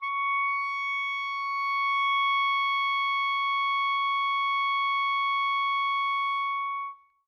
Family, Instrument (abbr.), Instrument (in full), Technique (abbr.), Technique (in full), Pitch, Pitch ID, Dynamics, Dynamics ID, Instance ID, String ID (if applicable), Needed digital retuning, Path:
Winds, ClBb, Clarinet in Bb, ord, ordinario, C#6, 85, mf, 2, 0, , FALSE, Winds/Clarinet_Bb/ordinario/ClBb-ord-C#6-mf-N-N.wav